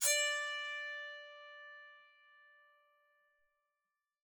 <region> pitch_keycenter=74 lokey=74 hikey=75 tune=-2 volume=4.861972 offset=230 ampeg_attack=0.004000 ampeg_release=15.000000 sample=Chordophones/Zithers/Psaltery, Bowed and Plucked/Spiccato/BowedPsaltery_D4_Main_Spic_rr1.wav